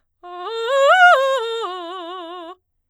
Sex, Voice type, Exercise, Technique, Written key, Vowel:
female, soprano, arpeggios, fast/articulated forte, F major, a